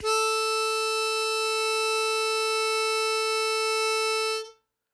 <region> pitch_keycenter=69 lokey=68 hikey=70 volume=5.015732 trigger=attack ampeg_attack=0.100000 ampeg_release=0.100000 sample=Aerophones/Free Aerophones/Harmonica-Hohner-Special20-F/Sustains/Accented/Hohner-Special20-F_Accented_A3.wav